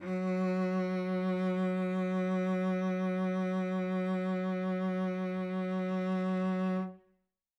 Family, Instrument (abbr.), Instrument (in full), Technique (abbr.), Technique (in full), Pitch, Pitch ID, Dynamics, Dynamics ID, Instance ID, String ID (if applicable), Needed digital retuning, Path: Strings, Vc, Cello, ord, ordinario, F#3, 54, mf, 2, 2, 3, FALSE, Strings/Violoncello/ordinario/Vc-ord-F#3-mf-3c-N.wav